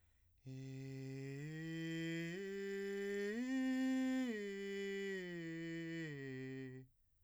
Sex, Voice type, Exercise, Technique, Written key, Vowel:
male, , arpeggios, breathy, , i